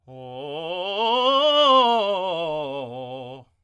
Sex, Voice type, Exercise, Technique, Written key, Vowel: male, tenor, scales, fast/articulated forte, C major, o